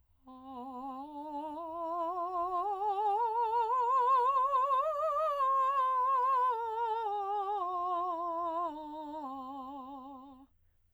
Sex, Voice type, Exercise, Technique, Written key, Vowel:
female, soprano, scales, slow/legato piano, C major, a